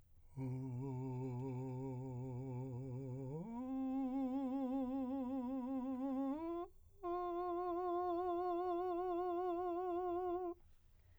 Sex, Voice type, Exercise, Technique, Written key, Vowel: male, , long tones, full voice pianissimo, , o